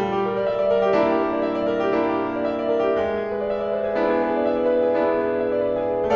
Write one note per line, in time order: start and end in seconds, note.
0.02 2.97 G3
0.12 0.37 G4
0.26 0.46 A#4
0.38 0.59 D5
0.47 0.76 E5
0.60 0.85 D5
0.78 0.98 A#4
0.88 1.12 G4
1.04 1.94 A#3
1.04 1.94 D4
1.04 1.94 E4
1.14 1.31 G4
1.24 1.45 A#4
1.33 1.57 D5
1.46 1.70 E5
1.58 1.85 D5
1.75 1.94 A#4
1.86 2.04 G4
1.96 2.97 A#3
1.96 2.97 D4
1.96 2.97 E4
2.05 2.27 G4
2.17 2.39 A#4
2.29 2.51 D5
2.42 2.68 E5
2.54 2.85 D5
2.77 2.97 A#4
2.87 3.09 G4
2.98 6.09 G#3
3.11 3.36 G#4
3.21 3.45 B4
3.37 3.57 D5
3.47 3.72 E5
3.62 3.81 D5
3.73 3.94 B4
3.83 4.06 G#4
3.95 4.93 B3
3.95 4.93 D4
3.95 4.93 E4
4.08 4.31 G#4
4.23 4.43 B4
4.35 4.53 D5
4.45 4.64 E5
4.56 4.81 D5
4.65 4.93 B4
4.82 5.02 G#4
4.94 6.09 B3
4.94 6.09 D4
4.94 6.09 E4
5.03 5.30 G#4
5.13 5.40 B4
5.31 5.52 D5
5.43 5.64 E5
5.53 5.76 D5
5.68 6.09 B4
5.85 6.15 G#4